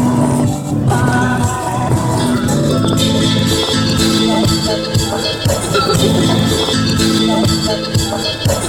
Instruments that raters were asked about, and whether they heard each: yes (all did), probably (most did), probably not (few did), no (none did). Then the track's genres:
voice: yes
Sound Collage